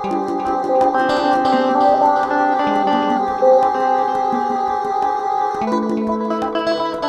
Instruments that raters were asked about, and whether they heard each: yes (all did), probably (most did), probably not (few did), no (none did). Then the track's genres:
mandolin: probably not
banjo: probably
ukulele: probably not
Ambient; Minimalism; Instrumental